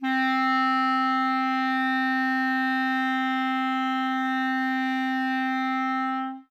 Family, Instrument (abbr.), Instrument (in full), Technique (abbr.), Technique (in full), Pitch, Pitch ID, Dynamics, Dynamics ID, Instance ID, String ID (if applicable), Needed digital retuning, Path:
Winds, ClBb, Clarinet in Bb, ord, ordinario, C4, 60, ff, 4, 0, , TRUE, Winds/Clarinet_Bb/ordinario/ClBb-ord-C4-ff-N-T33u.wav